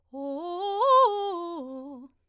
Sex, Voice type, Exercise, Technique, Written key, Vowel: female, soprano, arpeggios, fast/articulated piano, C major, o